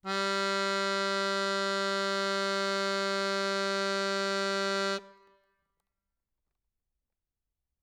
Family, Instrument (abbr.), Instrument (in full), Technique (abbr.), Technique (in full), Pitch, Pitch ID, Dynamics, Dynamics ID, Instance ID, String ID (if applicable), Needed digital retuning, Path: Keyboards, Acc, Accordion, ord, ordinario, G3, 55, ff, 4, 0, , FALSE, Keyboards/Accordion/ordinario/Acc-ord-G3-ff-N-N.wav